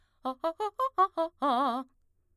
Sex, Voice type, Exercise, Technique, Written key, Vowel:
female, mezzo-soprano, arpeggios, fast/articulated forte, C major, a